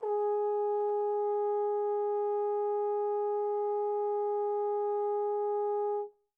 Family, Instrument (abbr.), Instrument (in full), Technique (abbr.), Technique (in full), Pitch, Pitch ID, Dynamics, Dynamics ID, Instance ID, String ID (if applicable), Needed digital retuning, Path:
Brass, Tbn, Trombone, ord, ordinario, G#4, 68, pp, 0, 0, , FALSE, Brass/Trombone/ordinario/Tbn-ord-G#4-pp-N-N.wav